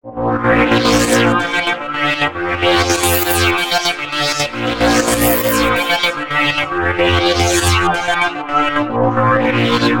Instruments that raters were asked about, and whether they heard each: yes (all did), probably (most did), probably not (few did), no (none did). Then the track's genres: accordion: no
Hip-Hop